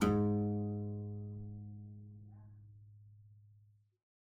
<region> pitch_keycenter=44 lokey=44 hikey=45 volume=2.157181 trigger=attack ampeg_attack=0.004000 ampeg_release=0.350000 amp_veltrack=0 sample=Chordophones/Zithers/Harpsichord, English/Sustains/Lute/ZuckermannKitHarpsi_Lute_Sus_G#1_rr1.wav